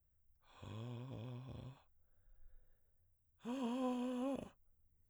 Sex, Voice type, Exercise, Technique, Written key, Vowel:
male, baritone, long tones, inhaled singing, , a